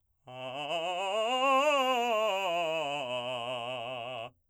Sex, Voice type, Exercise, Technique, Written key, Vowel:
male, , scales, fast/articulated forte, C major, a